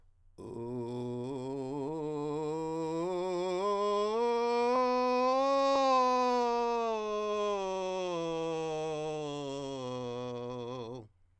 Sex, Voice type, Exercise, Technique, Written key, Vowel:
male, countertenor, scales, vocal fry, , u